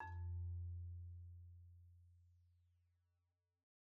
<region> pitch_keycenter=41 lokey=41 hikey=44 volume=23.636466 xfin_lovel=0 xfin_hivel=83 xfout_lovel=84 xfout_hivel=127 ampeg_attack=0.004000 ampeg_release=15.000000 sample=Idiophones/Struck Idiophones/Marimba/Marimba_hit_Outrigger_F1_med_01.wav